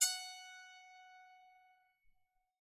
<region> pitch_keycenter=78 lokey=78 hikey=79 tune=16 volume=11.893383 offset=181 ampeg_attack=0.004000 ampeg_release=15.000000 sample=Chordophones/Zithers/Psaltery, Bowed and Plucked/Spiccato/BowedPsaltery_F#4_Main_Spic_rr1.wav